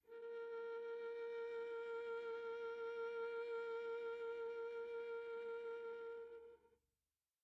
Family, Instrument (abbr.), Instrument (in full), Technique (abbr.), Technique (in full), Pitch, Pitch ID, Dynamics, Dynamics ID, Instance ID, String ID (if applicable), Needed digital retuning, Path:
Strings, Va, Viola, ord, ordinario, A#4, 70, pp, 0, 3, 4, FALSE, Strings/Viola/ordinario/Va-ord-A#4-pp-4c-N.wav